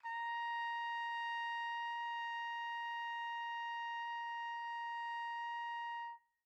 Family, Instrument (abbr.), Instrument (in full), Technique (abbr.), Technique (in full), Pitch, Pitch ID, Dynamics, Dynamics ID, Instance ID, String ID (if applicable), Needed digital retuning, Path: Brass, TpC, Trumpet in C, ord, ordinario, A#5, 82, pp, 0, 0, , FALSE, Brass/Trumpet_C/ordinario/TpC-ord-A#5-pp-N-N.wav